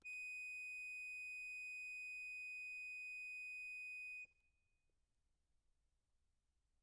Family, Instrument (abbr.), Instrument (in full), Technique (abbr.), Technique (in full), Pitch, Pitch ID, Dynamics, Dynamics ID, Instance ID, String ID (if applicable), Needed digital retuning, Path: Keyboards, Acc, Accordion, ord, ordinario, D#7, 99, mf, 2, 1, , FALSE, Keyboards/Accordion/ordinario/Acc-ord-D#7-mf-alt1-N.wav